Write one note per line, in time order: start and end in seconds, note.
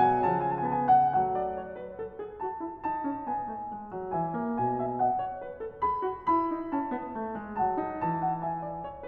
0.00 0.27 F#3
0.00 0.27 G#5
0.27 0.70 F3
0.27 0.93 G#5
0.35 1.17 C#3
0.70 1.15 B3
0.93 1.15 F#5
1.15 2.01 F#3
1.15 1.40 A3
1.15 1.95 F#5
1.40 1.61 D5
1.61 1.76 C#5
1.76 1.95 B4
1.95 2.17 A4
2.17 2.44 G#4
2.44 2.65 F#4
2.44 2.84 A5
2.65 2.84 E4
2.84 3.65 D#4
2.84 3.25 A5
3.09 3.29 C#4
3.25 3.47 B3
3.25 3.65 G#5
3.47 3.68 A3
3.68 3.91 G#3
3.91 4.11 F#3
4.08 4.34 E3
4.08 4.79 E5
4.08 4.59 G#5
4.34 4.62 A#3
4.59 5.43 B2
4.59 4.99 G#5
4.79 4.99 E5
4.99 5.21 D#5
4.99 5.40 F#5
5.21 5.40 C#5
5.40 5.61 B4
5.61 5.83 A4
5.83 6.01 G#4
5.83 6.28 B5
6.01 6.28 F#4
6.28 7.13 E4
6.28 6.70 B5
6.51 6.72 D#4
6.70 6.95 C#4
6.70 7.13 A5
6.95 7.15 B3
7.15 7.38 A3
7.38 7.62 G#3
7.59 7.79 F#3
7.59 8.20 F#5
7.59 7.99 A5
7.79 8.03 D#4
7.99 8.44 A5
8.03 8.86 E3
8.20 8.44 F#5
8.44 8.64 E5
8.44 8.82 G#5
8.64 8.82 D5
8.82 9.08 C#5